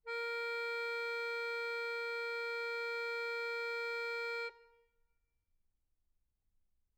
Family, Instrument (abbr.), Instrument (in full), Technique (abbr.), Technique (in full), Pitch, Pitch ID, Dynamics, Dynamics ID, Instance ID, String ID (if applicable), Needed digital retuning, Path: Keyboards, Acc, Accordion, ord, ordinario, A#4, 70, mf, 2, 4, , FALSE, Keyboards/Accordion/ordinario/Acc-ord-A#4-mf-alt4-N.wav